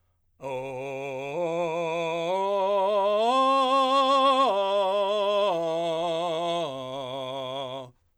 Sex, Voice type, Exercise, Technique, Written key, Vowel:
male, , arpeggios, belt, , o